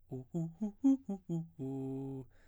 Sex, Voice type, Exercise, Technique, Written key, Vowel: male, baritone, arpeggios, fast/articulated piano, C major, u